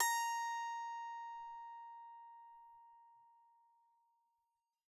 <region> pitch_keycenter=82 lokey=82 hikey=83 tune=-4 volume=12.677325 ampeg_attack=0.004000 ampeg_release=15.000000 sample=Chordophones/Zithers/Psaltery, Bowed and Plucked/Pluck/BowedPsaltery_A#4_Main_Pluck_rr1.wav